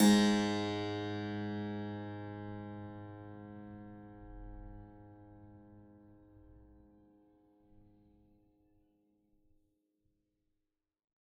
<region> pitch_keycenter=32 lokey=32 hikey=33 volume=-1.025889 trigger=attack ampeg_attack=0.004000 ampeg_release=0.40000 amp_veltrack=0 sample=Chordophones/Zithers/Harpsichord, Flemish/Sustains/High/Harpsi_High_Far_G#1_rr1.wav